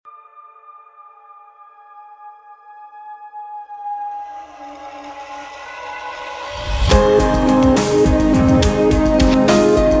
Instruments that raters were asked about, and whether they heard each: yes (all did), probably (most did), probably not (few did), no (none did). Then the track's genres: flute: no
Rock; Indie-Rock; Progressive